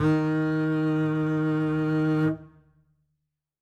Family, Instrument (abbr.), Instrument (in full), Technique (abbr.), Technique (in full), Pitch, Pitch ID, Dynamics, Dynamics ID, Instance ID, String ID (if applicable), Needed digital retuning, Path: Strings, Cb, Contrabass, ord, ordinario, D#3, 51, ff, 4, 3, 4, TRUE, Strings/Contrabass/ordinario/Cb-ord-D#3-ff-4c-T31u.wav